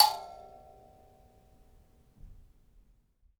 <region> pitch_keycenter=81 lokey=81 hikey=82 tune=82 volume=0.669635 ampeg_attack=0.004000 ampeg_release=15.000000 sample=Idiophones/Plucked Idiophones/Mbira Mavembe (Gandanga), Zimbabwe, Low G/Mbira5_Normal_MainSpirit_A4_k24_vl2_rr1.wav